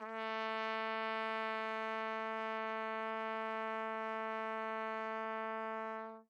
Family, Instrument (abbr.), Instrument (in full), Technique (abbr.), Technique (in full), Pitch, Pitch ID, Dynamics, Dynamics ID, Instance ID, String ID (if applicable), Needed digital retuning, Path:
Brass, TpC, Trumpet in C, ord, ordinario, A3, 57, mf, 2, 0, , FALSE, Brass/Trumpet_C/ordinario/TpC-ord-A3-mf-N-N.wav